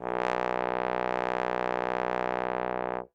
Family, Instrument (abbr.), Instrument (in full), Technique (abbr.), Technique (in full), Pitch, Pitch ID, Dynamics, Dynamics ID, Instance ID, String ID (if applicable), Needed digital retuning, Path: Brass, Tbn, Trombone, ord, ordinario, B1, 35, ff, 4, 0, , TRUE, Brass/Trombone/ordinario/Tbn-ord-B1-ff-N-T27d.wav